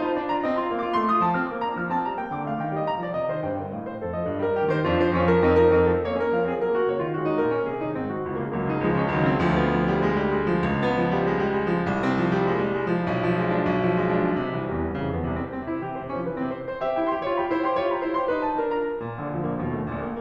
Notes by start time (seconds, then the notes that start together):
0.00 F4 A5
0.15 D4 D5
0.28 F4 A#5
0.41 C4 D#5
0.56 F4 C6
0.65 A#3 F5
0.82 F4 D6
0.95 A3 C6
1.09 F4 D#6
1.28 F3 A5
1.37 C4 F6
1.49 A#3 D6
1.63 D4 A#5
1.75 F3 F6
1.89 C4 A5
2.05 G3 A#5
2.18 A#3 G5
2.36 D3 D6
2.47 A3 F5
2.61 D#3 G5
2.76 G3 D#5
2.93 A#2 A#5
3.05 F3 D5
3.22 C3 D#5
3.33 D#3 C5
3.44 G2 G5
3.68 D3 A#4
3.81 A2 F5
3.92 C3 C5
4.04 F2 A4
4.14 F3 D#5
4.25 G2 D5
4.39 G3 A#4
4.57 D#2 G4
4.67 D#3 C5
4.79 F2 D4 F4
4.97 F3 C5
5.12 F2 C#4 F4
5.28 F3 A#4
5.48 F2 C4 D#4
5.58 F3 A#4
5.77 F2 C4 D#4
5.87 F3 A4
6.01 A#3 C#5
6.13 C#4 A#4
6.33 F3 F5
6.43 C4 G#4
6.54 F#3 A#4
6.72 A#3 F#4
6.83 C#3 C#5
6.93 G#3 F4
7.16 D#3 F#4
7.27 F#3 D#4
7.40 A#2 A#4
7.52 F3 C#4
7.64 C3 G#4
7.81 D#3 D#4
7.96 G#2 C4
8.10 D#3 F#4
8.21 C#2 F4
8.34 C#3 G#3
8.45 C#2 F#3 A#3
8.71 C#3 D#4
8.82 C#2 F3 G#3
8.93 C#3 C#4
9.06 C#2 D#3 F#3
9.20 C#3 C4
9.31 C#2 F3
9.49 B3
9.81 F3
9.90 G3
10.04 G#3
10.16 G3
10.29 G#3
10.50 F3
10.65 D2
10.77 B3
10.94 F3
11.08 G3
11.31 G#3
11.45 G3
11.63 G#3
11.74 F3
11.95 C2
12.10 C4
12.19 F3
12.34 G3
12.48 G#3
12.59 G3
12.76 G#3
12.88 F3
13.01 B1
13.20 F3
13.39 G#3
13.55 D4
13.69 B1
13.82 F3
13.96 G#3
14.05 D4
14.29 C3
14.44 C2 E3
14.64 E2 G3
14.80 C2 C4
14.93 F2 C#3
15.08 C2 B3
15.21 E2 C3
15.38 C2 C4
15.53 C4
15.70 C3 E4
15.84 E3 G4
16.00 C3 C5
16.10 F3 C#4
16.24 C3 B4
16.35 E3 C4
16.50 C3 C5
16.66 C5
16.78 G4 E5
16.96 E4 G5
17.15 G4 C6
17.25 F4 C#5
17.43 G4 B5
17.54 E4 C5
17.66 G4 C6
17.81 F4 C#5
17.91 G4 B5
18.03 E4 C5
18.15 G4 C6
18.29 D#4 B4
18.45 F4 A5
18.54 D4 A#4
18.75 F4 A#5
18.99 A#2
19.14 A#1 D3
19.35 D2 F3
19.46 A#1 A#3
19.63 D#2 B2
19.76 A#1 A3
19.85 D2 A#2
20.02 A#1 A#3